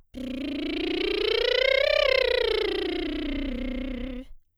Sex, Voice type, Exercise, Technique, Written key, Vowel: female, soprano, scales, lip trill, , i